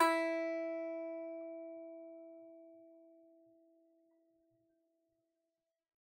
<region> pitch_keycenter=64 lokey=64 hikey=65 volume=2.407545 lovel=66 hivel=99 ampeg_attack=0.004000 ampeg_release=15.000000 sample=Chordophones/Composite Chordophones/Strumstick/Finger/Strumstick_Finger_Str3_Main_E3_vl2_rr1.wav